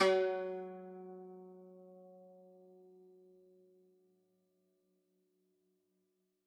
<region> pitch_keycenter=54 lokey=53 hikey=55 volume=5.620624 lovel=66 hivel=99 ampeg_attack=0.004000 ampeg_release=0.300000 sample=Chordophones/Zithers/Dan Tranh/Normal/F#2_f_1.wav